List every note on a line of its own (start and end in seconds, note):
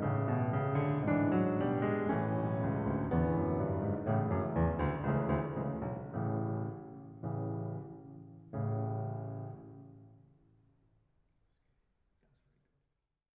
0.00 2.04 A1
0.00 1.06 A2
0.00 0.22 C#3
0.00 1.06 A3
0.23 0.44 B2
0.45 0.70 C#3
0.70 1.06 D3
1.06 1.54 G#2
1.06 1.30 E3
1.06 2.04 D4
1.31 1.54 F#3
1.56 2.04 B2
1.56 1.83 G3
1.83 2.04 G#3
2.04 4.08 A1
2.04 3.16 E3
2.04 3.16 A3
2.04 3.16 C#4
2.35 2.65 B1
2.66 2.91 C#2
2.91 3.16 D2
3.16 3.39 E2
3.16 4.08 D3
3.16 4.08 E3
3.16 4.08 B3
3.39 3.60 F#2
3.61 3.83 G2
3.84 4.08 G#2
4.08 4.20 A1
4.08 4.20 A2
4.08 4.52 C#3
4.08 4.52 E3
4.08 4.52 A3
4.26 4.45 F#2
4.52 4.70 E2
4.78 5.02 D2
5.09 5.20 C#2
5.09 5.56 C#3
5.09 5.56 E3
5.09 5.56 A3
5.27 5.41 D2
5.56 5.71 C#2
5.56 6.07 C#3
5.56 6.07 E3
5.56 6.07 A3
5.83 5.97 B1
6.08 6.49 A1
6.08 6.68 C#3
6.08 6.68 E3
6.08 6.68 A3
7.19 7.66 A1
7.19 7.88 C#3
7.19 7.88 E3
8.52 9.59 A1
8.52 9.59 A2
8.52 9.59 C#3
10.21 10.80 A3